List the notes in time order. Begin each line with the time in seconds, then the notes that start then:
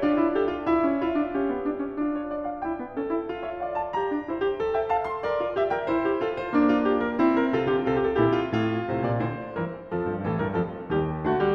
0.00 D4 F4 D5
0.21 E4
0.35 G4 A4
0.49 F4
0.65 E4 E5
0.81 C#4
1.02 E4 F4
1.15 D4
1.32 C#4
1.37 G4
1.50 B3
1.65 D4
1.78 C#4
1.92 D4 F4
2.12 C#5
2.30 D5
2.48 F5
2.64 E4 G5
2.76 B3
2.93 C#4 A4
3.09 E4
3.27 F4
3.46 C#5 E5
3.60 D5 F5
3.76 A5
3.91 G4 A#5
4.10 D4
4.25 E4 C5
4.42 G4
4.60 A4
4.75 E5 G5
4.88 F5 A5
5.05 C6
5.22 A#4 D5
5.38 F4
5.57 G4 E5
5.70 A#4 G5
5.85 E4
5.90 C5
6.04 G4
6.21 F4 A4
6.37 C5
6.51 A#3 D4
6.70 F4
6.86 G4
7.06 A#4
7.20 C4 E4
7.37 A#4
7.53 C3 F4 A4
7.69 D3 G4
7.85 C3 G4
8.23 A#2 E4
8.43 F4
8.59 A2 F4
8.89 A2 C3 C5
9.04 A#2 D5
9.22 A2 D3 C5
9.53 G2 E3 A#4
9.85 F2 F3 A4
10.05 G2
10.24 A2 E3 A4
10.38 G2 A#4
10.57 F2 F3 A4
10.92 D#2 G3 G4
11.27 D3 A3 F#4
11.40 G3 G4